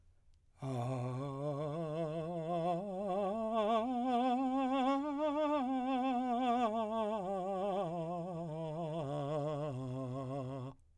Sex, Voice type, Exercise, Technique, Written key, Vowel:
male, , scales, slow/legato piano, C major, a